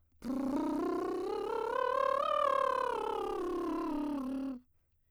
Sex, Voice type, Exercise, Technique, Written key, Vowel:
female, soprano, scales, lip trill, , o